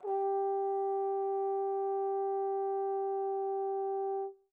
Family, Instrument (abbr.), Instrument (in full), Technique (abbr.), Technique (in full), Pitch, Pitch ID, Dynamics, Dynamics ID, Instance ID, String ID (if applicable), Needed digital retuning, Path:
Brass, Tbn, Trombone, ord, ordinario, G4, 67, pp, 0, 0, , FALSE, Brass/Trombone/ordinario/Tbn-ord-G4-pp-N-N.wav